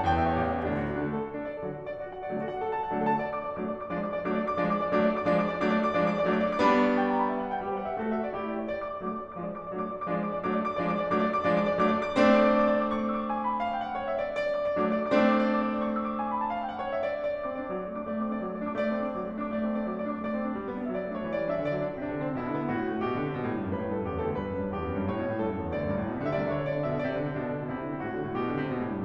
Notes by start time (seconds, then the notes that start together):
0.00 E2 A2 G5
0.19 E5
0.29 C#5
0.41 A1 G4
0.57 E4
0.66 C#4
0.77 D2 D4
0.86 F#4
0.99 D4
1.08 D3 A3
1.16 A4
1.27 F#4
1.36 D4
1.46 D5
1.56 A4
1.71 D3 F#3 F#4
1.83 D4
1.93 D5
1.99 F#4
2.09 F#5
2.21 D5
2.31 D3 F#3 A3 A4
2.38 F#4
2.47 F#5
2.58 A4
2.69 A5
2.81 F#5
2.93 D3 F#3 A3 D4 D5
3.01 A4
3.10 A5
3.20 D5
3.33 D6
3.48 D5
3.58 F#3 A3 D4 D6
3.70 D5
3.88 D6
3.99 F3 G#3 D4 D5
4.09 D6
4.18 D5
4.26 F#3 A3 D4 D6
4.35 D5
4.48 D6
4.60 F3 G#3 D4 D5
4.76 D6
4.85 D5
4.97 F#3 A3 D4 D6
5.07 D5
5.18 D6
5.29 F3 G#3 D4 D5
5.39 D6
5.49 D5
5.60 F#3 A3 D4 D6
5.76 D5
5.89 D6
6.01 F3 G#3 D4 D5
6.13 D6
6.23 D5
6.33 F#3 A3 D4 D6
6.43 D5
6.54 D6
6.64 G3 B3 D4 B5
6.73 C#6
6.84 D6
6.94 G5
7.06 A5
7.20 B5
7.29 E5
7.40 F#5
7.51 G5
7.66 G3 G4 B4
7.80 F#5
7.89 E5
8.01 A3 F#4 A4
8.12 E5
8.23 D5
8.41 A3 E4 G4
8.51 D5
8.59 C#5
8.71 D5
8.80 D6
8.88 D5
9.01 F#3 A3 D4 D6
9.11 D5
9.24 D6
9.38 F3 G#3 D4 D5
9.53 D6
9.66 D5
9.76 F#3 A3 D4 D6
9.86 D5
9.96 D6
10.08 F3 G#3 D4 D5
10.16 D6
10.27 D5
10.38 F#3 A3 D4 D6
10.52 D5
10.63 D6
10.75 F3 G#3 D4 D5
10.87 D6
10.99 D5
11.12 F#3 A3 D4 D6
11.25 D5
11.33 D6
11.42 F3 G#3 D4 D5
11.55 D6
11.67 D5
11.80 F#3 A3 D4 D6
11.91 D5
12.00 D6
12.11 A3 C4 D4 D5
12.21 D6
12.35 D5
12.52 D6
12.65 D5
12.78 D6
12.93 C#6
13.05 E6
13.17 D6
13.29 G#5
13.39 B5
13.49 A5
13.61 F5
13.71 G5
13.80 F#5
13.89 C#5
14.00 E5
14.16 D5
14.27 D5
14.43 D6
14.65 D5
14.77 F#3 A3 D4 D6
14.87 D5
14.98 D6
15.09 A3 C4 D4 D5
15.21 D6
15.35 D5
15.45 D6
15.59 D5
15.70 D6
15.82 C#6
15.94 E6
16.06 D6
16.15 G#5
16.25 B5
16.38 A5
16.50 F5
16.60 G5
16.70 F#5
16.81 C#5
16.94 E5
17.09 D5
17.35 D5
17.46 C4 D6
17.60 D4 D5
17.69 F#3 D6
17.83 A3 D5
17.97 D4 D6
18.12 A3 D5
18.22 C4 D6
18.30 D4 D5
18.46 F#3 D6
18.59 A3 D5
18.70 D4 D6
18.85 A3 D5
18.95 C4 D6
19.06 D4 D5
19.18 F#3 D6
19.27 A3 D5
19.39 D4 D6
19.52 A3 D5
19.62 C4 D6
19.75 D4 D5
19.88 F#3 D6
19.97 A3 D5
20.10 D4 D6
20.24 A3 D5 D6
20.33 C4
20.45 D4
20.54 G3
20.64 B3
20.75 D4
20.84 F#3 D5 E5
20.94 A3
20.99 C#5
21.04 D4
21.21 E3 D5
21.32 G3
21.41 E5
21.47 D4
21.59 D3 D5
21.69 F#3
21.91 D4
22.07 C3 D4
22.19 E3
22.30 C4
22.41 B2 E4
22.52 D3
22.60 B3
22.73 A2 F#4
22.83 C3
22.92 A3
23.06 B2 G4
23.19 D3
23.29 C3
23.39 B2
23.51 A2
23.63 G2
23.72 F#2 B4
23.81 A2
23.89 A4
23.94 G2
24.03 F#2 G4
24.17 E2
24.22 A4
24.26 D2
24.36 G2 B4
24.53 F#2
24.65 G2
24.75 E2 G4
24.87 F#2
24.97 G2
25.07 A2 C#5
25.19 B2
25.29 A2
25.37 G2 A4
25.46 F#2
25.55 E2
25.67 D2 D5
25.80 F#2
25.89 G2
25.96 A2
26.05 B2
26.15 C#3
26.25 D3 E5
26.32 D5
26.45 D2
26.49 C#5
26.54 D3
26.67 B2 D5
26.77 D3
26.83 E5
26.89 B2
27.09 C3 D5
27.20 D3
27.31 C3
27.42 B2 D4
27.53 D3
27.62 B2
27.72 C3 E4
27.83 D3
27.95 C3
28.04 B2 F#4
28.14 D3
28.25 B2
28.36 B2 G4
28.50 D3
28.60 C3
28.70 B2
28.80 A2
28.90 G2